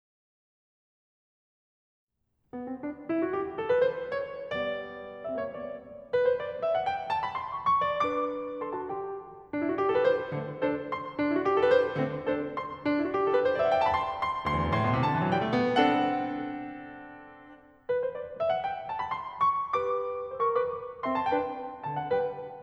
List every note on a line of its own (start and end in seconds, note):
2.19 2.62 B3
2.63 2.81 C4
2.81 3.06 D4
3.08 3.22 E4
3.22 3.32 F#4
3.32 3.56 G4
3.56 3.67 A4
3.68 3.85 B4
3.87 4.18 C5
4.19 4.52 C#5
4.52 5.46 G3
4.52 5.24 B3
4.52 5.24 D5
5.25 5.34 C4
5.25 5.34 E5
5.34 5.46 A#3
5.34 5.46 C#5
5.46 5.72 G3
5.46 5.72 B3
5.46 5.72 D5
6.13 6.26 B4
6.26 6.38 C5
6.38 6.63 D5
6.63 6.76 E5
6.76 6.86 F#5
6.87 7.10 G5
7.10 7.22 A5
7.23 7.38 B5
7.38 7.67 C6
7.69 8.07 C#6
8.07 8.88 D4
8.07 8.61 B4
8.07 8.10 D5
8.07 8.61 D6
8.63 8.78 A4
8.63 8.78 C6
8.78 8.88 F#4
8.78 8.88 A5
8.88 9.22 G4
8.88 9.22 G5
9.53 9.65 D4
9.66 9.73 E4
9.73 9.82 F#4
9.82 9.90 G4
9.90 9.97 A4
9.97 10.08 B4
10.08 10.32 C5
10.33 10.61 D3
10.33 10.61 A3
10.33 10.61 C4
10.61 10.89 D4
10.61 10.89 A4
10.61 10.89 C5
10.89 11.19 C6
11.19 11.27 D4
11.27 11.34 E4
11.34 11.45 F#4
11.45 11.55 G4
11.57 11.63 A4
11.64 11.71 B4
11.73 11.95 C5
11.95 12.25 D3
11.95 12.25 A3
11.95 12.25 C4
12.25 12.54 D4
12.25 12.54 A4
12.25 12.54 C5
12.55 12.84 C6
12.85 12.96 D4
12.97 13.06 E4
13.07 13.16 F#4
13.18 13.25 G4
13.26 13.33 A4
13.33 13.46 B4
13.46 13.51 C5
13.51 13.59 D5
13.59 13.68 E5
13.68 13.73 F#5
13.73 13.79 G5
13.79 13.87 A5
13.87 13.91 B5
13.92 14.18 C6
14.19 14.45 C6
14.45 14.51 D2
14.45 14.76 C6
14.53 14.59 E2
14.59 14.66 F#2
14.70 14.76 G2
14.76 14.85 A2
14.76 15.06 C6
14.88 14.96 B2
14.96 15.06 C3
15.07 15.15 D3
15.07 15.34 A5
15.15 15.23 E3
15.23 15.34 F#3
15.35 15.43 G3
15.35 15.81 G5
15.44 15.52 A3
15.52 15.81 B3
15.81 17.39 C4
15.81 17.39 D4
15.81 17.39 A4
15.81 17.39 F#5
17.87 17.99 B4
18.01 18.13 C5
18.15 18.41 D5
18.41 18.49 E5
18.51 18.61 F#5
18.61 18.88 G5
18.89 19.02 A5
19.02 19.13 B5
19.13 19.49 C6
19.49 19.76 C#6
19.77 20.56 G4
19.77 20.32 B4
19.77 20.32 D6
20.32 20.41 C5
20.32 20.41 E6
20.42 20.56 A#4
20.42 20.56 C#6
20.57 20.82 G4
20.57 20.82 B4
20.57 20.82 D6
21.05 21.26 C4
21.05 21.26 E5
21.05 21.15 C6
21.16 21.26 A5
21.27 21.56 D4
21.27 21.56 B4
21.27 21.56 G5
21.86 22.12 D3
21.86 22.12 C5
21.86 21.99 A5
22.00 22.12 F#5
22.13 22.36 G3
22.13 22.36 B4
22.13 22.36 G5